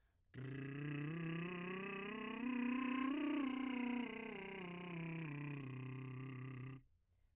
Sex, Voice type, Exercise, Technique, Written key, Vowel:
male, , scales, lip trill, , e